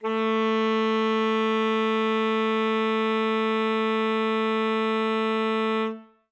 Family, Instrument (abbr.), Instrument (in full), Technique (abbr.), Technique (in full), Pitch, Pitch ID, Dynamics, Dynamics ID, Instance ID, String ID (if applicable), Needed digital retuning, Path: Winds, ASax, Alto Saxophone, ord, ordinario, A3, 57, ff, 4, 0, , FALSE, Winds/Sax_Alto/ordinario/ASax-ord-A3-ff-N-N.wav